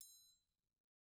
<region> pitch_keycenter=62 lokey=62 hikey=62 volume=17.929534 offset=187 seq_position=1 seq_length=2 ampeg_attack=0.004000 ampeg_release=30.000000 sample=Idiophones/Struck Idiophones/Triangles/Triangle1_HitM_v1_rr2_Mid.wav